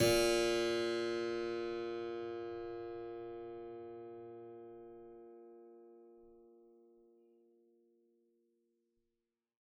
<region> pitch_keycenter=46 lokey=46 hikey=47 volume=1.192018 trigger=attack ampeg_attack=0.004000 ampeg_release=0.400000 amp_veltrack=0 sample=Chordophones/Zithers/Harpsichord, Flemish/Sustains/Low/Harpsi_Low_Far_A#1_rr1.wav